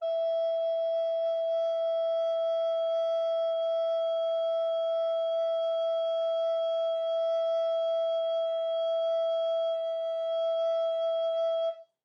<region> pitch_keycenter=76 lokey=76 hikey=77 volume=12.613586 offset=413 ampeg_attack=0.004000 ampeg_release=0.300000 sample=Aerophones/Edge-blown Aerophones/Baroque Alto Recorder/Sustain/AltRecorder_Sus_E4_rr1_Main.wav